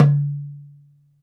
<region> pitch_keycenter=60 lokey=60 hikey=60 volume=1.065913 lovel=84 hivel=127 seq_position=2 seq_length=2 ampeg_attack=0.004000 ampeg_release=30.000000 sample=Membranophones/Struck Membranophones/Darbuka/Darbuka_1_hit_vl2_rr2.wav